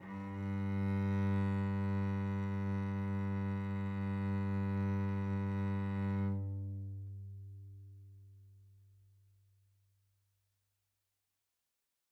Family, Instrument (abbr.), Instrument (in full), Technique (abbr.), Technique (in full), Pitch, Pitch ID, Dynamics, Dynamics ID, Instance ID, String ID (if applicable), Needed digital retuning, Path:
Strings, Vc, Cello, ord, ordinario, G2, 43, mf, 2, 2, 3, FALSE, Strings/Violoncello/ordinario/Vc-ord-G2-mf-3c-N.wav